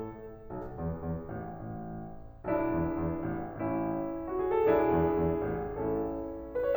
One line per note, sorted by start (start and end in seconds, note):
0.51 0.80 B1
0.82 1.06 E2
1.07 1.29 E2
1.29 1.52 A1
1.52 2.05 A1
2.49 2.77 B1
2.49 3.61 D4
2.49 3.61 E4
2.78 3.02 E2
3.02 3.25 E2
3.27 3.61 A1
3.61 4.10 A1
3.61 4.65 C#4
3.61 4.22 E4
4.23 4.37 F#4
4.38 4.50 G#4
4.50 4.65 A4
4.65 4.91 B1
4.65 5.82 D4
4.65 5.82 E4
4.65 5.82 G#4
4.93 5.27 E2
5.27 5.55 E2
5.56 5.82 A1
5.82 6.32 A1
5.82 6.32 C#4
5.82 6.32 E4
5.82 6.52 A4
6.52 6.66 B4
6.66 6.76 C#5